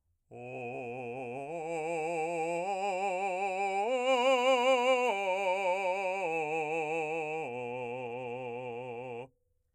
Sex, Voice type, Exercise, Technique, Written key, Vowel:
male, , arpeggios, slow/legato forte, C major, o